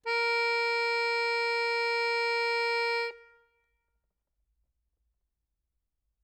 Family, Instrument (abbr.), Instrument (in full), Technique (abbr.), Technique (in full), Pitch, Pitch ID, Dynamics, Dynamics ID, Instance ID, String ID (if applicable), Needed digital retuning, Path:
Keyboards, Acc, Accordion, ord, ordinario, A#4, 70, ff, 4, 2, , FALSE, Keyboards/Accordion/ordinario/Acc-ord-A#4-ff-alt2-N.wav